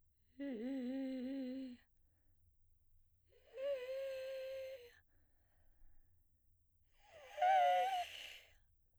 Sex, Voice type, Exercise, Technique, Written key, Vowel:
female, soprano, long tones, inhaled singing, , e